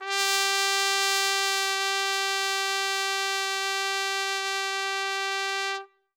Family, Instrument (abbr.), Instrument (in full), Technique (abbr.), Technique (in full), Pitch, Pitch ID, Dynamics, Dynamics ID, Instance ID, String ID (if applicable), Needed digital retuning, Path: Brass, TpC, Trumpet in C, ord, ordinario, G4, 67, ff, 4, 0, , FALSE, Brass/Trumpet_C/ordinario/TpC-ord-G4-ff-N-N.wav